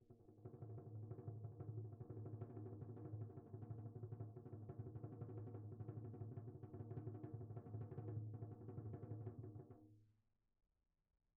<region> pitch_keycenter=63 lokey=63 hikey=63 volume=27.977739 offset=360 lovel=0 hivel=83 ampeg_attack=0.004000 ampeg_release=1 sample=Membranophones/Struck Membranophones/Tom 1/Mallet/TomH_RollM_v1_rr1_Mid.wav